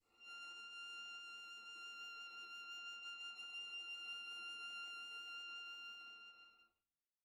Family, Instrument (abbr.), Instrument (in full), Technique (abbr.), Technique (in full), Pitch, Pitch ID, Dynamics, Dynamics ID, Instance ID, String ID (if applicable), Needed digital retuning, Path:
Strings, Va, Viola, ord, ordinario, F6, 89, pp, 0, 0, 1, FALSE, Strings/Viola/ordinario/Va-ord-F6-pp-1c-N.wav